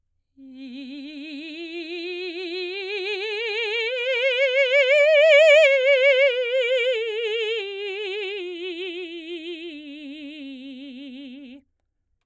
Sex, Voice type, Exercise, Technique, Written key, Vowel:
female, soprano, scales, slow/legato forte, C major, i